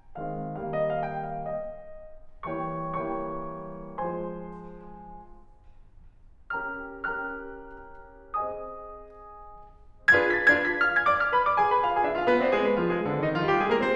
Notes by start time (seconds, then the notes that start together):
0.21 D#3 G#3 C4 F5
0.53 D#3 G3 A#3 F5
0.64 D#5
0.81 F5
1.00 G5
1.24 F5
1.53 D#5
2.47 E3 G3 A#3 C#5 G5 C#6
2.71 E3 G3 A#3 C#5 G5 C#6
3.94 F3 G#3 C5 G#5 C6
6.57 C#4 G4 A#4 G5 A#5 F6
6.86 C#4 G4 A#4 G5 A#5 F6
8.14 C4 G#4 C5 D#5 G#5 D#6
10.17 D4 F4 G#4 B4 G#6
10.30 B6
10.41 D4 F4 G#4 B4 G#6
10.60 B6
10.81 F5 F6
10.92 G#5 G#6
11.04 D5 D6
11.18 F5 F6
11.31 B4 B5
11.46 D5 D6
11.59 G#4 G#5
11.70 B4 B5
11.83 F4 F5
11.96 G#4 G#5
12.07 D4 D5
12.20 F4 F5
12.33 B3 B4
12.45 D4 D5
12.57 G#3 G#4
12.69 B3 B4
12.82 F3 F4
12.95 G#3 G#4
13.06 D3 D4
13.19 D#3 D#4
13.35 F3 F4
13.47 G3 G4
13.63 G#3 G#4
13.76 A#3 A#4
13.84 C4 C5